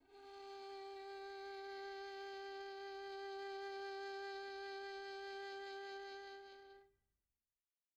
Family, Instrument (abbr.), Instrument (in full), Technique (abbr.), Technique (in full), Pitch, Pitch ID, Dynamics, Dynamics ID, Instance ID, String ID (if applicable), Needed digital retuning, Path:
Strings, Vn, Violin, ord, ordinario, G4, 67, pp, 0, 3, 4, FALSE, Strings/Violin/ordinario/Vn-ord-G4-pp-4c-N.wav